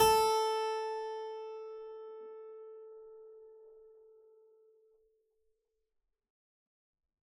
<region> pitch_keycenter=69 lokey=69 hikey=69 volume=0.598870 trigger=attack ampeg_attack=0.004000 ampeg_release=0.400000 amp_veltrack=0 sample=Chordophones/Zithers/Harpsichord, Unk/Sustains/Harpsi4_Sus_Main_A3_rr1.wav